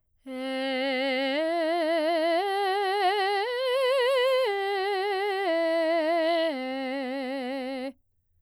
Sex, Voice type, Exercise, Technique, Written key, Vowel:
female, soprano, arpeggios, slow/legato piano, C major, e